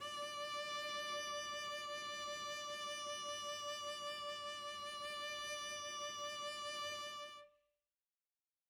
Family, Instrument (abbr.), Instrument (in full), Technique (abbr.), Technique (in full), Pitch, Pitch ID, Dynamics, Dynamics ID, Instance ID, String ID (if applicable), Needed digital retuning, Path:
Strings, Vc, Cello, ord, ordinario, D5, 74, mf, 2, 0, 1, FALSE, Strings/Violoncello/ordinario/Vc-ord-D5-mf-1c-N.wav